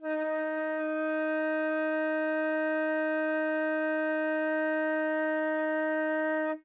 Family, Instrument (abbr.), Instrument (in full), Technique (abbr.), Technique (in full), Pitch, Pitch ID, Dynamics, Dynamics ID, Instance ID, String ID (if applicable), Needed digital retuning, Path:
Winds, Fl, Flute, ord, ordinario, D#4, 63, ff, 4, 0, , FALSE, Winds/Flute/ordinario/Fl-ord-D#4-ff-N-N.wav